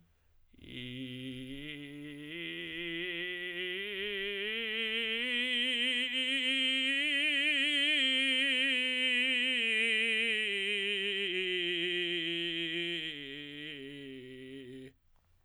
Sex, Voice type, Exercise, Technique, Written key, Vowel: male, tenor, scales, vocal fry, , i